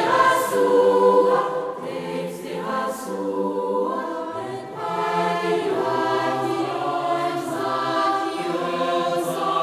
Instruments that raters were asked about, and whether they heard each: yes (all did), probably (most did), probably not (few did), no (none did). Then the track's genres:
cymbals: no
synthesizer: no
voice: yes
bass: no
Choral Music